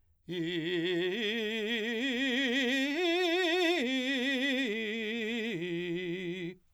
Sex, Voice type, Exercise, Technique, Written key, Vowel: male, , arpeggios, slow/legato forte, F major, i